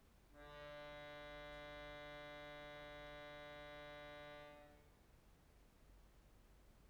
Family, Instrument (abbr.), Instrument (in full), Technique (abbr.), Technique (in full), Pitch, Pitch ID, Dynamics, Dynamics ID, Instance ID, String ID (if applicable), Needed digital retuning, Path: Keyboards, Acc, Accordion, ord, ordinario, D3, 50, pp, 0, 0, , FALSE, Keyboards/Accordion/ordinario/Acc-ord-D3-pp-N-N.wav